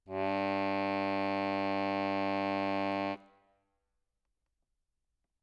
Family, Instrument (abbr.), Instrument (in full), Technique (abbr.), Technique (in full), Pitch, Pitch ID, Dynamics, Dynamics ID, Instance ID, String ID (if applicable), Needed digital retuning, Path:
Keyboards, Acc, Accordion, ord, ordinario, G2, 43, ff, 4, 1, , FALSE, Keyboards/Accordion/ordinario/Acc-ord-G2-ff-alt1-N.wav